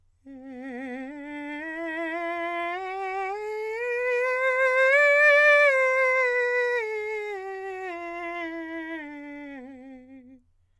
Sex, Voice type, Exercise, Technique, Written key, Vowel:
male, countertenor, scales, slow/legato forte, C major, e